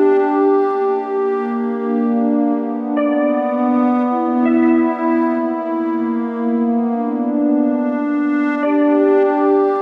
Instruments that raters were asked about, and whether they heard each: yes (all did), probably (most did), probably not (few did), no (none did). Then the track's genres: organ: probably not
Electronic; Noise-Rock; Industrial